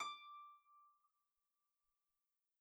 <region> pitch_keycenter=86 lokey=86 hikey=87 tune=-7 volume=23.557080 xfout_lovel=70 xfout_hivel=100 ampeg_attack=0.004000 ampeg_release=30.000000 sample=Chordophones/Composite Chordophones/Folk Harp/Harp_Normal_D5_v2_RR1.wav